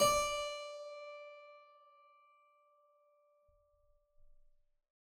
<region> pitch_keycenter=74 lokey=74 hikey=75 volume=1.502650 trigger=attack ampeg_attack=0.004000 ampeg_release=0.400000 amp_veltrack=0 sample=Chordophones/Zithers/Harpsichord, Flemish/Sustains/Low/Harpsi_Low_Far_D4_rr1.wav